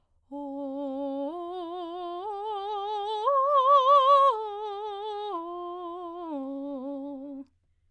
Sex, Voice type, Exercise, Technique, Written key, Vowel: female, soprano, arpeggios, slow/legato piano, C major, o